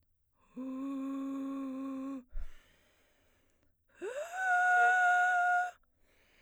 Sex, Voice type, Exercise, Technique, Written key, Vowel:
female, soprano, long tones, inhaled singing, , u